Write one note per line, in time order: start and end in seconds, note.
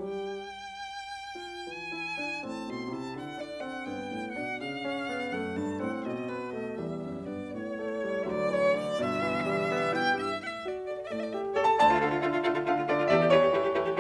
0.00 0.56 G3
0.00 0.56 G4
0.00 1.70 G5
1.36 1.95 F4
1.70 2.41 E3
1.70 2.41 G#5
1.96 2.17 E4
2.17 2.41 D4
2.41 2.65 A2
2.41 2.90 C4
2.41 2.65 A5
2.65 2.90 B2
2.65 2.90 C6
2.91 3.16 C3
2.91 3.39 E4
2.91 3.16 A5
3.17 3.87 D3
3.17 3.39 F#5
3.39 3.62 D4
3.39 3.62 D5
3.62 3.87 C4
3.62 3.87 F#5
3.87 4.10 G2
3.87 4.40 B3
3.87 4.40 G5
4.11 4.40 A2
4.40 4.60 B2
4.40 4.85 D4
4.40 4.60 F#5
4.60 5.28 C#3
4.60 5.28 F5
4.85 5.09 C#4
5.10 5.28 B3
5.29 5.53 F#2
5.29 5.79 A3
5.29 5.53 F#5
5.53 5.79 G2
5.53 5.79 A5
5.79 5.99 A2
5.79 6.29 C4
5.79 5.99 F#5
6.00 6.80 B2
6.00 6.29 D#5
6.30 6.55 B3
6.30 6.55 B4
6.55 6.80 A3
6.55 6.80 D#5
6.80 7.09 E2
6.80 7.30 G3
6.80 7.30 E5
7.09 7.30 F#2
7.31 7.51 G2
7.31 7.80 B3
7.31 7.51 D5
7.51 8.27 A2
7.51 8.20 C#5
7.80 8.05 A3
8.05 8.27 G3
8.20 8.28 E5
8.28 9.00 D2
8.28 8.48 F#3
8.28 8.48 D5
8.49 8.78 E3
8.49 8.78 C#5
8.78 9.00 D3
8.78 9.00 D5
9.00 9.94 G1
9.00 9.23 B2
9.00 9.94 E5
9.23 9.49 E3
9.50 9.74 G3
9.74 9.94 B3
9.94 10.16 B2
9.94 10.16 E4
9.94 10.16 G5
10.16 10.37 G2
10.16 10.37 G4
10.16 10.32 E5
10.32 10.38 F#5
10.38 10.87 A2
10.38 10.66 E5
10.66 10.87 F#4
10.66 10.80 D5
10.87 11.11 A4
10.87 11.04 D5
11.11 11.56 A2
11.11 11.56 A3
11.11 11.19 D5
11.19 11.27 E5
11.27 11.35 D5
11.35 11.56 G4
11.35 11.51 E5
11.56 11.84 A4
11.56 11.73 C#5
11.68 11.84 A5
11.84 12.07 D2
11.84 11.97 D5
11.84 12.69 A5
11.98 12.07 A3
11.98 12.07 F4
12.07 12.28 D3
12.07 12.18 A3
12.07 12.18 F4
12.18 12.28 A3
12.18 12.28 F4
12.29 12.49 D3
12.29 12.40 A3
12.29 12.40 F4
12.40 12.49 A3
12.40 12.49 F4
12.50 12.69 D3
12.50 12.60 A3
12.50 12.60 F4
12.60 12.69 A3
12.60 12.69 F4
12.69 12.90 D3
12.69 12.79 A3
12.69 12.79 F4
12.69 12.90 F5
12.81 12.90 A3
12.81 12.90 F4
12.90 13.13 D3
12.90 13.01 A3
12.90 13.01 F4
12.90 13.13 D5
13.03 13.13 A3
13.03 13.13 F4
13.07 13.20 E5
13.13 13.34 E2
13.13 13.25 A3
13.13 13.25 G4
13.13 13.34 D5
13.25 13.34 A3
13.25 13.34 G4
13.37 13.61 E3
13.37 13.48 A3
13.37 13.48 G4
13.37 14.00 C#5
13.48 13.61 A3
13.48 13.61 G4
13.61 13.80 E3
13.61 13.71 A3
13.61 13.71 G4
13.71 13.80 A3
13.71 13.80 G4
13.80 14.00 E3
13.80 13.90 A3
13.80 13.90 G4
13.91 14.00 A3
13.91 14.00 G4